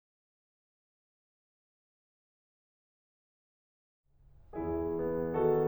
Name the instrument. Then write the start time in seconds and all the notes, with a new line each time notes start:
piano
4.06 E2 E3 E4 G#4
4.84 B3
5.29 D#3 F#4 A4